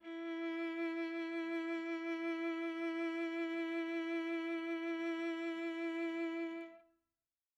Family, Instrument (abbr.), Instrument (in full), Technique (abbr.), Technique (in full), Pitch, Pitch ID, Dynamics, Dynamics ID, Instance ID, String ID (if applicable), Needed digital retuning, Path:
Strings, Va, Viola, ord, ordinario, E4, 64, mf, 2, 2, 3, FALSE, Strings/Viola/ordinario/Va-ord-E4-mf-3c-N.wav